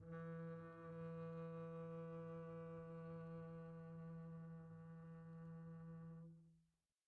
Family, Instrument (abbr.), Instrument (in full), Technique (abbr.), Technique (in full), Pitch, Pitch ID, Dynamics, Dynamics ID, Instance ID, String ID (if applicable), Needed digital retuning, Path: Strings, Cb, Contrabass, ord, ordinario, E3, 52, pp, 0, 2, 3, TRUE, Strings/Contrabass/ordinario/Cb-ord-E3-pp-3c-T24d.wav